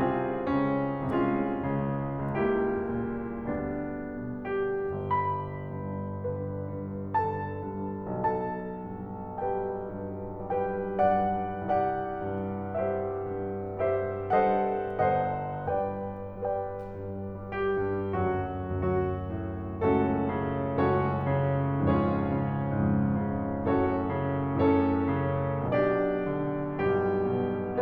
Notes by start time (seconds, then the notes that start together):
0.00 C2 C3 C4 F4 G#4
0.48 C#2 C#3 C#4
1.11 C2 C3 G#3 C#4 F4 G#4
1.66 C#2 C#3
2.26 C#2 G3 A#3 E4 G4
2.86 A#2
3.42 D2 G3 B3 D4
4.06 B2
4.86 G1 G4
5.14 B5
5.46 G2
6.19 D3 B4
6.64 G2
7.15 D3 A4 A5
7.71 G2
8.24 B1 A4 A5
8.77 G2
9.25 G3 G4 G5
9.87 G2
10.51 G3 G4 B4 G5
11.05 G2 D5 F#5
11.64 C2 G4 D5 F#5
12.19 G2
12.75 G3 G4 C5 E5
13.27 G2
13.89 G3 G4 C5 E5
14.44 G2 A4 C5 D#5 F#5
15.09 G1 A4 C5 D#5 F#5
15.66 G2 B4 D5 G5
16.40 G3 B4 D5 G5
16.99 G2
17.59 G3 G4
17.91 G2
18.19 D2 F#2 F#3 F#4
18.80 D2 F#2 F#3 F#4
19.33 A2
19.82 C#2 F#2 A2 A3 C#4 F#4 A4
20.34 C#3
20.71 C#2 F#2 A2 C#4 F#4 A4 C#5
21.08 C#3
21.56 C#2 F2 G#2 C#4 F4 G#4 C#5
22.06 C#3
22.51 C#2 F2 G#2
23.02 C#3
23.56 F#2 A2 C#4 F#4 A4 C#5
24.01 C#3
24.53 F#2 A2 C#4 A4 C#5
25.15 C#3
25.72 B1 B2 D4 G4 D5
26.25 C#3
26.76 B1 G2 G3 G4
27.33 B2